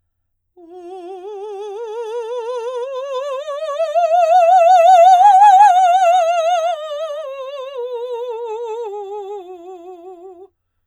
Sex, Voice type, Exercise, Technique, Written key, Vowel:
female, soprano, scales, slow/legato forte, F major, u